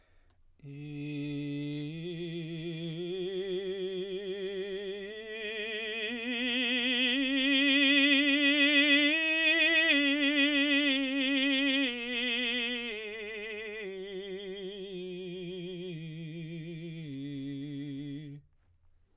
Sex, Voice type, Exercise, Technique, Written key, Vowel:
male, baritone, scales, slow/legato forte, C major, i